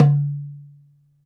<region> pitch_keycenter=60 lokey=60 hikey=60 volume=1.008472 lovel=84 hivel=127 seq_position=1 seq_length=2 ampeg_attack=0.004000 ampeg_release=30.000000 sample=Membranophones/Struck Membranophones/Darbuka/Darbuka_1_hit_vl2_rr1.wav